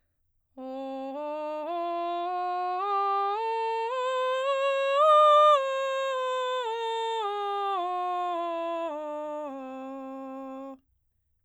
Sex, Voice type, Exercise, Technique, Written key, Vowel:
female, soprano, scales, straight tone, , o